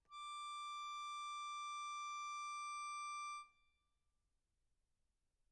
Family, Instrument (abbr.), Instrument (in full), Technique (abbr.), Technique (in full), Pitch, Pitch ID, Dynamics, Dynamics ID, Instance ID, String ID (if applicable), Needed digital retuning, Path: Keyboards, Acc, Accordion, ord, ordinario, D6, 86, mf, 2, 0, , FALSE, Keyboards/Accordion/ordinario/Acc-ord-D6-mf-N-N.wav